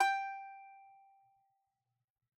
<region> pitch_keycenter=79 lokey=79 hikey=80 volume=-2.665712 lovel=66 hivel=99 ampeg_attack=0.004000 ampeg_release=15.000000 sample=Chordophones/Composite Chordophones/Strumstick/Finger/Strumstick_Finger_Str3_Main_G4_vl2_rr2.wav